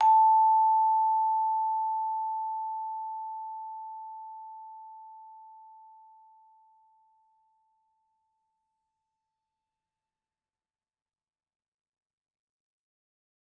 <region> pitch_keycenter=81 lokey=80 hikey=82 volume=5.145228 offset=106 lovel=84 hivel=127 ampeg_attack=0.004000 ampeg_release=15.000000 sample=Idiophones/Struck Idiophones/Vibraphone/Soft Mallets/Vibes_soft_A4_v2_rr1_Main.wav